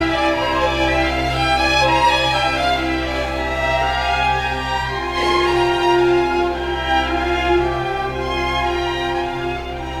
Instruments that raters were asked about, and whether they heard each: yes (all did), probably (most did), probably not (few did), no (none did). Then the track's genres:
violin: yes
Classical